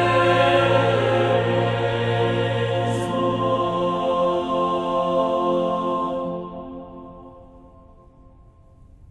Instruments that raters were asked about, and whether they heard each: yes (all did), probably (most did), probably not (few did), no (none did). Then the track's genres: guitar: no
mandolin: no
voice: yes
bass: no
Choral Music